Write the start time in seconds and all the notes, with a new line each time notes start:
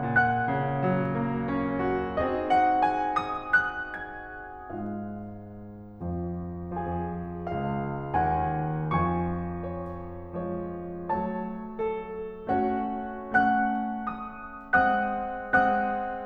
0.00 A#2 F#5 F#6
0.46 C#3
0.78 F#3
1.17 A#3
1.50 C#4
1.89 F#4
2.19 C4 D#4 F#4 G#4 D#5
2.51 F#5
2.82 G#5
3.24 D#6
3.61 F#6
4.04 G#6
4.42 G#2 G#3 F4 F5
5.97 F2 F3
6.63 F2 F3 G#4 G#5
7.48 C#2 C#3 F5
8.24 D#2 D#3 F#5 G#5
8.96 F2 F3 G#5 C#6
9.67 C#5
10.36 F3 G#3 C#5
11.10 F#3 A3 C#5 A5
11.88 A4
12.60 A3 C#4 F#4 C#5 F#5
13.21 A3 C#4 F#5 F#6
14.01 D#6
14.78 G#3 C4 F#5 D#6 F#6
15.53 G#3 C4 F#5 D#6 F#6